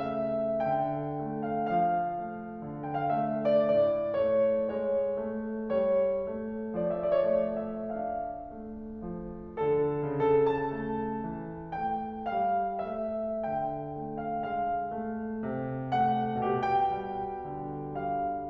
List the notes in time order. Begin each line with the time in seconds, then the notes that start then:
0.00 A3 E5
0.74 D3 G5
1.31 A3
1.58 F5
1.76 F3 F5
2.18 A3
2.62 D3
2.86 G5
3.01 F5
3.15 A3 E5
3.55 D5
3.67 A2 D5
4.14 A3 C#5
4.74 G#3 C#5
5.25 A3
5.79 G3 C#5
6.28 A3
6.76 F3 D5
6.97 E5
7.04 D5
7.15 C#5
7.31 A3 D5
7.80 E5
7.93 D4
8.00 F5
8.54 A3
9.09 F3
9.61 D3 A4
10.17 C#3 A4
10.48 A5
10.82 A3
11.40 E3
11.81 A3 G5
12.32 G3 F5
12.98 A3 E5
13.63 D3 G5
14.09 A3
14.30 F5
14.55 G#3 F5
15.00 A3
15.46 C3
15.96 A3 F#5
16.42 B2 G4
16.64 G5
17.08 G3
17.51 D3
18.05 G3 F5